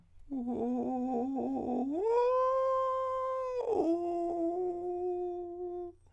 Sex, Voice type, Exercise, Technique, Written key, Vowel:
male, countertenor, long tones, inhaled singing, , o